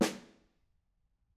<region> pitch_keycenter=61 lokey=61 hikey=61 volume=12.958442 offset=207 lovel=73 hivel=93 seq_position=2 seq_length=2 ampeg_attack=0.004000 ampeg_release=15.000000 sample=Membranophones/Struck Membranophones/Snare Drum, Modern 1/Snare2_HitSN_v6_rr2_Mid.wav